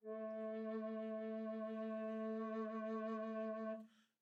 <region> pitch_keycenter=57 lokey=57 hikey=58 tune=-4 volume=14.679549 offset=1061 ampeg_attack=0.004000 ampeg_release=0.300000 sample=Aerophones/Edge-blown Aerophones/Baroque Bass Recorder/SusVib/BassRecorder_SusVib_A2_rr1_Main.wav